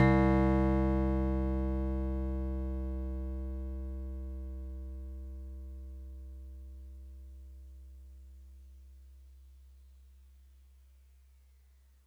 <region> pitch_keycenter=48 lokey=47 hikey=50 volume=9.770660 lovel=100 hivel=127 ampeg_attack=0.004000 ampeg_release=0.100000 sample=Electrophones/TX81Z/FM Piano/FMPiano_C2_vl3.wav